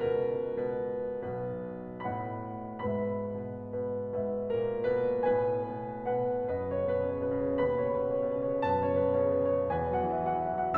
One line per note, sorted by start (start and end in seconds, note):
0.01 1.19 C#2
0.01 0.52 B2
0.01 1.19 A#4
0.01 0.52 B4
0.54 1.19 B2
0.54 1.19 B4
1.20 1.98 B1
1.20 1.98 B2
1.20 1.98 B4
2.00 2.83 A2
2.00 2.83 B2
2.00 2.83 B4
2.00 2.83 D#5
2.00 2.83 F#5
2.00 2.83 B5
2.84 4.14 G#2
2.84 3.35 B2
2.84 3.35 B4
2.84 4.14 E5
2.84 4.14 B5
3.35 3.76 B2
3.35 3.76 B4
3.76 4.14 B2
3.76 4.14 B4
4.15 5.23 G#2
4.15 4.50 B2
4.15 4.50 B4
4.15 5.23 E5
4.51 4.88 A#2
4.51 4.88 A#4
4.89 5.23 B2
4.89 5.23 B4
5.23 6.51 A2
5.23 5.66 B2
5.23 5.66 B4
5.23 6.01 G#5
5.66 6.01 B2
5.66 6.01 B4
6.02 6.51 B2
6.02 6.51 B4
6.02 6.51 F#5
6.53 7.58 F#2
6.53 6.72 B2
6.53 6.72 B4
6.53 7.58 D#5
6.72 6.86 C#3
6.72 6.86 C#5
6.87 7.02 B2
6.87 7.02 B4
7.03 7.18 C#3
7.03 7.18 C#5
7.18 7.37 B2
7.18 7.37 B4
7.38 7.58 C#3
7.38 7.58 C#5
7.58 8.63 D#2
7.58 7.77 B2
7.58 7.77 B4
7.58 8.63 B5
7.78 7.96 C#3
7.78 7.96 C#5
7.97 8.12 B2
7.97 8.12 B4
8.12 8.27 C#3
8.12 8.27 C#5
8.28 8.46 B2
8.28 8.46 B4
8.46 8.63 C#3
8.46 8.63 C#5
8.64 9.68 F#2
8.64 8.84 B2
8.64 8.84 B4
8.64 9.68 A5
8.85 8.99 C#3
8.85 8.99 C#5
8.99 9.13 B2
8.99 9.13 B4
9.14 9.34 C#3
9.14 9.34 C#5
9.34 9.48 B2
9.34 9.48 B4
9.49 9.68 C#3
9.49 9.68 C#5
9.69 10.11 E2
9.69 9.87 B2
9.69 9.87 B4
9.69 10.78 G#5
9.87 10.11 F#3
9.87 10.11 F#5
10.12 10.28 E3
10.12 10.28 E5
10.28 10.42 F#3
10.28 10.42 F#5
10.43 10.61 E3
10.43 10.61 E5
10.62 10.78 F#3
10.62 10.78 F#5